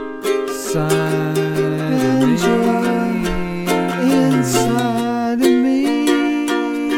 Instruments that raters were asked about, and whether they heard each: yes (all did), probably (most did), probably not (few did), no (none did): mandolin: yes
ukulele: yes